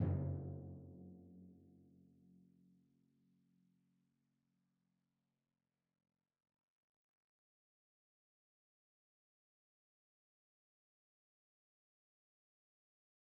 <region> pitch_keycenter=42 lokey=41 hikey=44 tune=10 volume=20.481995 lovel=66 hivel=99 seq_position=2 seq_length=2 ampeg_attack=0.004000 ampeg_release=30.000000 sample=Membranophones/Struck Membranophones/Timpani 1/Hit/Timpani1_Hit_v3_rr4_Sum.wav